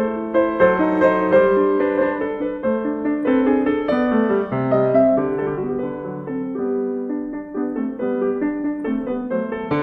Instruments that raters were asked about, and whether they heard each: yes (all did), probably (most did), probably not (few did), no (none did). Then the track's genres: piano: yes
accordion: no
drums: no
Classical